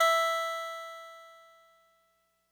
<region> pitch_keycenter=64 lokey=63 hikey=66 tune=-1 volume=6.240977 lovel=100 hivel=127 ampeg_attack=0.004000 ampeg_release=0.100000 sample=Electrophones/TX81Z/Clavisynth/Clavisynth_E3_vl3.wav